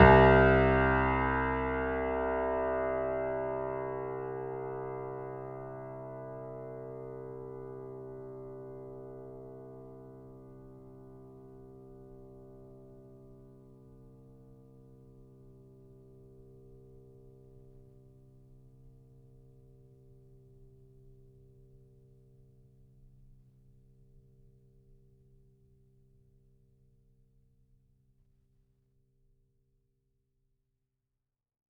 <region> pitch_keycenter=36 lokey=36 hikey=37 volume=1.620254 lovel=66 hivel=99 locc64=0 hicc64=64 ampeg_attack=0.004000 ampeg_release=0.400000 sample=Chordophones/Zithers/Grand Piano, Steinway B/NoSus/Piano_NoSus_Close_C2_vl3_rr1.wav